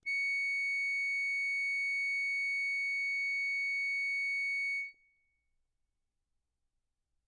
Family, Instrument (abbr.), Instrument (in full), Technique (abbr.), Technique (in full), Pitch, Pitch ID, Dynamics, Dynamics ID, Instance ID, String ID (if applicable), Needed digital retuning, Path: Keyboards, Acc, Accordion, ord, ordinario, C#7, 97, ff, 4, 1, , FALSE, Keyboards/Accordion/ordinario/Acc-ord-C#7-ff-alt1-N.wav